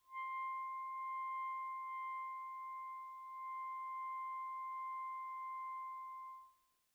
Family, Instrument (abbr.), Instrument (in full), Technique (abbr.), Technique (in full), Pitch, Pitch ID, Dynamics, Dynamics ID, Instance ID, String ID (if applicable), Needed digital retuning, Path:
Winds, ClBb, Clarinet in Bb, ord, ordinario, C6, 84, pp, 0, 0, , FALSE, Winds/Clarinet_Bb/ordinario/ClBb-ord-C6-pp-N-N.wav